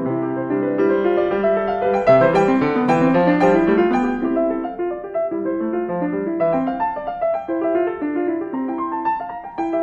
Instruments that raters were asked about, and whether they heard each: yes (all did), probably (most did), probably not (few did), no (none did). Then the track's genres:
piano: yes
bass: no
Classical